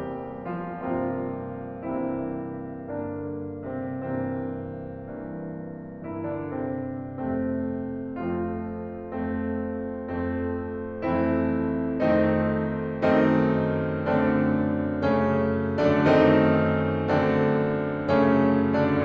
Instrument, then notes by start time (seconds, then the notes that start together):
piano
0.01 E2 C3 G3 A#3 C4 G4
0.62 F3 F4
0.85 G2 C3 F3 A#3 C4 F4
1.88 G2 C3 E3 A#3 C4 E4
2.97 G2 D3 A#3 D4
3.79 C3 C4
4.05 G2 C3 E3 A#3 C4
5.20 G2 E3 A#3
6.04 G2 E3 A#3 E4
6.33 D3 D4
6.57 C3 C4
7.18 F2 C3 A3 C4
8.20 F2 F3 A3 C4 F4
9.20 F2 A3 C4
10.08 F2 A3 C4
11.02 F2 E3 A3 C4 E4
12.00 F2 D#3 A3 C4 D#4
12.87 F#2 D#3 A3 C4 D#4
13.74 F#2 D3 A3 C4 D4
14.90 F#2 C#3 A3 C4 C#4
15.83 D3 D4
16.06 F#2 D#3 A3 C4 D#4
17.03 F#2 D3 A3 C4 D4
18.06 F#2 C#3 A3 C4 C#4
18.76 D3 D4